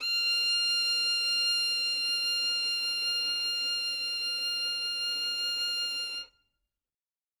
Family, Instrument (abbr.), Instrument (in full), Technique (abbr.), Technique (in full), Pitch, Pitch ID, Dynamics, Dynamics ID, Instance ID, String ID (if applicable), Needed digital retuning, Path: Strings, Vn, Violin, ord, ordinario, F6, 89, ff, 4, 1, 2, TRUE, Strings/Violin/ordinario/Vn-ord-F6-ff-2c-T20d.wav